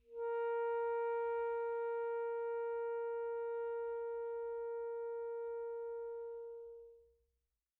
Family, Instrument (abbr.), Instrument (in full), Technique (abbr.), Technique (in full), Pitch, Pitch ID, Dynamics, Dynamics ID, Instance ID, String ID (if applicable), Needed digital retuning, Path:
Winds, ASax, Alto Saxophone, ord, ordinario, A#4, 70, pp, 0, 0, , FALSE, Winds/Sax_Alto/ordinario/ASax-ord-A#4-pp-N-N.wav